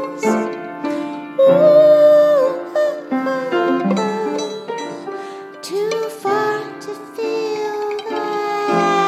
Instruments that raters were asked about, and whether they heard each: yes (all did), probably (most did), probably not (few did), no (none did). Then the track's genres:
ukulele: probably
mandolin: yes
Experimental